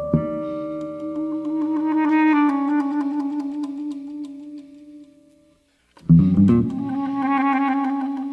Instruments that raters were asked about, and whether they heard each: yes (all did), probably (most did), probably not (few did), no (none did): clarinet: yes
flute: probably not